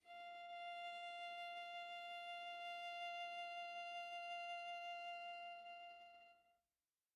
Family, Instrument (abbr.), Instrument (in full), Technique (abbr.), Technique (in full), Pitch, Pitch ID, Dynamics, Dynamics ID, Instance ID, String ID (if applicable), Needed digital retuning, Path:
Strings, Va, Viola, ord, ordinario, F5, 77, pp, 0, 0, 1, FALSE, Strings/Viola/ordinario/Va-ord-F5-pp-1c-N.wav